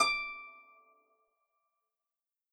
<region> pitch_keycenter=86 lokey=86 hikey=87 tune=-11 volume=6.459412 xfin_lovel=70 xfin_hivel=100 ampeg_attack=0.004000 ampeg_release=30.000000 sample=Chordophones/Composite Chordophones/Folk Harp/Harp_Normal_D5_v3_RR1.wav